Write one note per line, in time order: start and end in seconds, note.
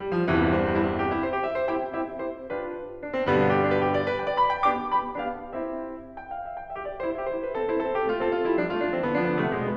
0.01 0.15 G3
0.19 0.30 F3
0.30 0.77 C2
0.30 0.77 E2
0.30 0.77 G2
0.30 0.77 D3
0.30 0.39 E3
0.40 0.48 G3
0.48 0.68 C4
0.68 0.77 G3
0.78 0.91 E4
0.91 1.00 C4
1.00 1.10 G4
1.11 1.22 E4
1.22 1.33 C5
1.34 1.45 G4
1.45 1.57 E5
1.57 1.68 C5
1.69 1.88 C4
1.69 1.88 E4
1.69 1.88 G4
1.69 1.88 G5
1.89 2.17 C4
1.89 2.17 E4
1.89 2.17 G4
1.89 2.17 E5
2.17 2.46 C4
2.17 2.46 E4
2.17 2.46 G4
2.17 2.46 C5
2.46 3.02 D4
2.46 3.02 F4
2.46 3.02 G4
2.46 3.02 B4
3.04 3.16 D4
3.16 3.30 C4
3.30 3.77 G2
3.30 3.77 B2
3.30 3.77 D3
3.30 3.77 G3
3.30 3.43 B3
3.44 3.57 D4
3.57 3.66 G4
3.67 3.77 D4
3.77 3.90 B4
3.90 3.98 G4
3.99 4.08 D5
4.08 4.20 B4
4.20 4.29 G5
4.29 4.38 D5
4.38 4.51 B5
4.55 4.65 G5
4.65 4.92 B3
4.65 4.92 D4
4.65 4.92 G4
4.65 4.92 D6
4.93 5.16 B3
4.93 5.16 D4
4.93 5.16 G4
4.93 5.16 B5
5.17 5.54 B3
5.17 5.54 D4
5.17 5.54 G4
5.17 5.54 F5
5.54 6.14 C4
5.54 6.14 E4
5.54 6.14 G4
5.54 6.14 E5
6.14 6.36 G5
6.36 6.45 F5
6.46 6.62 E5
6.62 6.76 G5
6.76 6.88 G4
6.76 6.88 E5
6.89 7.01 F4
6.89 7.01 D5
7.01 7.20 E4
7.01 7.20 C5
7.22 7.32 G4
7.22 7.32 E5
7.32 7.46 E4
7.32 7.46 C5
7.46 7.55 D4
7.46 7.55 B4
7.56 7.68 C4
7.56 7.68 A4
7.68 7.78 E4
7.68 7.78 C5
7.84 8.03 C4
7.84 8.03 A4
8.03 8.11 B3
8.03 8.11 G4
8.11 8.23 A3
8.11 8.23 F4
8.27 8.36 C4
8.27 8.36 A4
8.36 8.46 A3
8.36 8.46 F4
8.46 8.61 G3
8.46 8.61 E4
8.61 8.72 F3
8.61 8.72 D4
8.72 8.83 A3
8.72 8.83 F4
8.84 8.93 F3
8.84 8.93 D4
8.93 9.11 E3
8.93 9.11 C4
9.11 9.20 D3
9.11 9.20 B3
9.22 9.33 F3
9.22 9.33 D4
9.33 9.43 D3
9.33 9.43 B3
9.46 9.55 C3
9.46 9.55 A3
9.55 9.76 B2
9.55 9.65 G#3
9.65 9.76 B3